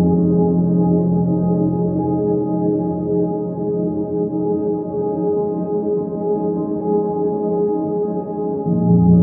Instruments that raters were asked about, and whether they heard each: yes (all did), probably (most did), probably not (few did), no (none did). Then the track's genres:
voice: no
synthesizer: probably
violin: no
trumpet: no
Soundtrack; Ambient; Minimalism